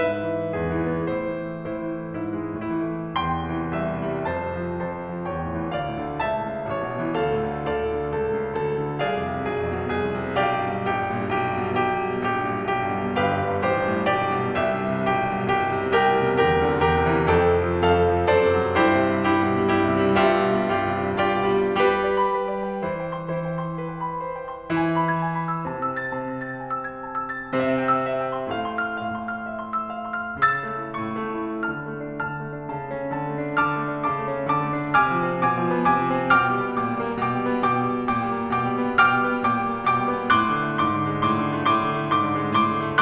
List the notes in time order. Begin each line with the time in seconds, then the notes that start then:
0.00 G#2 B4 E5
0.14 E3
0.42 G#3
0.57 E2 G#4
0.77 E3
0.94 B3
1.09 A2 E4 C5
1.30 E3
1.47 A3
1.60 A2 E4 C5
1.74 E3
1.96 A3
2.08 G#2 E4
2.23 E3
2.38 G#3
2.54 A2 E4
2.87 E3
3.01 A3
3.22 E2 G5 C6
3.37 C3
3.49 E3
3.68 C2 E5
3.92 C3
4.05 G3
4.28 F2 C5 A5
4.45 C3
4.56 F3
4.76 F2 C5 A5
4.93 C3
5.05 F3
5.21 E2 C#5 G5
5.40 A2
5.60 E3
5.75 D2 D5 F5
5.92 A2
6.07 D3
6.21 C#2 E5 A5
6.33 A2
6.47 C#3
6.64 A1 C#5
6.77 A2
6.98 E3
7.13 D2 A4 F5
7.29 A2
7.42 D3
7.53 D2 A4 D5 F5
7.69 A2
7.84 D3
7.99 C#2 A4
8.19 A2
8.38 C#3
8.52 D2 A4
8.66 A2
8.81 D3
9.00 C2 G#4 D5 F5
9.20 F2
9.33 C3
9.50 B1 G#4
9.61 F2
9.75 B2
9.90 C2 G#4
10.09 F2
10.23 C3
10.36 B1 G4 D5 F5
10.51 G2
10.72 B2
10.87 A#1 G4
11.03 G2
11.22 A#2
11.35 B1 G4
11.48 G2
11.68 B2
11.82 B1 G4
12.02 G2
12.20 B2
12.35 A#1 G4
12.49 G2
12.62 A#2
12.76 B1 G4
12.93 G2
13.05 B2
13.20 G1 G4 B4 F5
13.37 F#2
13.49 G2
13.63 A1 G4 C5
13.76 G2
13.93 A2
14.07 B1 G4 D5
14.20 G2
14.35 B2
14.52 C2 G4 E5
14.72 G2
14.93 C3
15.10 B1 G4
15.28 G2
15.43 B2
15.55 C2 G4
15.71 G2
15.84 C3
15.98 C2 G4 B4 G5
16.18 B2
16.30 C3
16.43 D2 G4 B4
16.57 C3
16.74 D3
16.89 E2 G4 B4
17.01 C3
17.14 E3
17.26 F2 A4 G5
17.41 C3
17.57 F3
17.73 F2 A4 F5
17.88 C3
18.18 F3
18.34 F#2 A4 C5 D5
18.46 C3
18.60 F#3
18.76 G2 E4 G4 C5
18.91 C3
19.06 G3
19.26 G2 E4 G4
19.55 B2
19.67 G3
19.83 G2 E4 G4
19.98 C3
20.06 G3
20.21 G2 F4 G4 E5
20.36 B2
20.51 G3
20.69 G2 F4 G4
20.84 C3
21.08 G3
21.22 G2 F4 G4 D5
21.37 B2
21.54 G3
21.77 G3 G4 B4
21.94 D5
22.16 B5
22.36 B4
22.53 D5
22.71 G5
22.88 E3 E4 C5
23.01 G5
23.15 C6
23.29 E3 E4 C5
23.53 G5
23.64 C6
23.77 B4
24.01 G5
24.13 B5
24.25 C5
24.45 G5
24.58 C6
24.72 E3 E4 G#5
24.92 B5
25.09 G#6
25.22 G#5
25.37 B5
25.53 E6
25.66 C3 C4 A5
25.83 E6
25.98 A6
26.13 C3 C4 A5
26.27 E6
26.40 A6
26.59 G#5
26.74 E6
26.89 G#6
27.09 A5
27.23 C6
27.40 A6
27.55 C3 C4 E5
27.77 G5
27.91 E6
28.06 E5
28.20 G5
28.32 C6
28.48 A2 A3 F5
28.67 C6
28.80 F6
28.92 A2 A3 F5
29.08 C6
29.22 F6
29.41 E5
29.61 C6
29.76 E6
29.91 F5
30.08 C6
30.27 F6
30.46 C#3 E6 A6
30.69 A3
30.82 C#4
31.00 A2 C#6
31.16 A3
31.36 E4
31.70 D3 A5 F6
31.87 A3
32.03 D4
32.21 D3 A5 F6
32.37 A3
32.53 D4
32.69 C#3 A5
32.86 A3
33.04 C#4
33.25 D3 A5
33.41 A3
33.54 D4
33.68 D3 A5 D6 F6
33.82 A3
33.94 D4
34.10 C3 A5 D6
34.23 A3
34.37 C4
34.49 D3 A5 D6
34.62 A3
34.82 D4
34.95 C3 G#5 D6 F6
35.07 F3
35.21 C4
35.39 B2 G#5 D6
35.51 F3
35.64 B3
35.81 C3 G#5 D6
36.06 F3
36.25 C4
36.40 B2 G5 D6 F6
36.52 G3
36.65 B3
36.80 A#2 G5 D6
36.93 G3
37.07 A#3
37.23 B2 G5 D6
37.37 G3
37.50 B3
37.66 B2 G5 D6
37.80 G3
37.95 B3
38.07 A#2 G5 D6
38.25 G3
38.36 A#3
38.49 B2 G5 D6
38.60 G3
38.74 B3
39.00 B2 G5 D6 F6
39.16 G3
39.28 B3
39.43 A#2 G5 D6
39.57 G3
39.69 A#3
39.85 B2 G5 D6
40.03 G3
40.16 B3
40.33 A2 C6 D6 F#6
40.46 D3
40.65 A3
40.80 G#2 C6 D6
40.94 D3
41.09 G#3
41.23 A2 C6 D6
41.38 D3
41.60 A3
41.74 A2 C6 D6
41.88 D3
42.05 A3
42.18 G#2 C6 D6
42.33 D3
42.46 G#3
42.59 A2 C6 D6
42.74 D3
42.89 A3